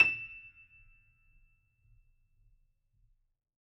<region> pitch_keycenter=100 lokey=100 hikey=101 volume=-3.964346 lovel=100 hivel=127 locc64=0 hicc64=64 ampeg_attack=0.004000 ampeg_release=10.000000 sample=Chordophones/Zithers/Grand Piano, Steinway B/NoSus/Piano_NoSus_Close_E7_vl4_rr1.wav